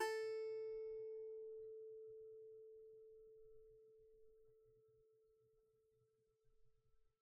<region> pitch_keycenter=69 lokey=69 hikey=70 volume=14.384447 lovel=0 hivel=65 ampeg_attack=0.004000 ampeg_release=15.000000 sample=Chordophones/Composite Chordophones/Strumstick/Finger/Strumstick_Finger_Str3_Main_A3_vl1_rr1.wav